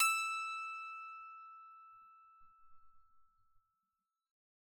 <region> pitch_keycenter=88 lokey=88 hikey=89 tune=-7 volume=13.312686 ampeg_attack=0.004000 ampeg_release=15.000000 sample=Chordophones/Zithers/Psaltery, Bowed and Plucked/Pluck/BowedPsaltery_E5_Main_Pluck_rr1.wav